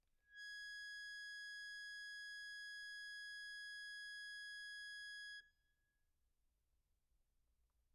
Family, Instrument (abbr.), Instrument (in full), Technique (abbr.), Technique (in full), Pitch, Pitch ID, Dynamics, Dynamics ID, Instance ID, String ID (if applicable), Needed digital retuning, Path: Keyboards, Acc, Accordion, ord, ordinario, G#6, 92, pp, 0, 1, , FALSE, Keyboards/Accordion/ordinario/Acc-ord-G#6-pp-alt1-N.wav